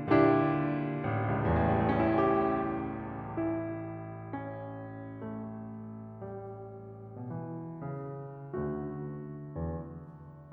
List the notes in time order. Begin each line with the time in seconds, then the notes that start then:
0.01 A#2 D3 G3 D4 E4 G4
0.97 A1 C#2 E2 A2 G3 A3 C#4 E4 G4
2.86 E4
4.30 C#4
5.30 A3
6.23 G3
7.18 B2 E3
7.81 C#3
8.60 D2 D3 A3 F#4
9.54 E2